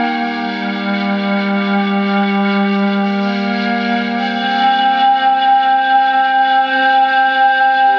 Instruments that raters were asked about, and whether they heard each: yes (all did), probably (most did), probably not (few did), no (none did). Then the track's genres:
flute: probably
Drone; Ambient; Instrumental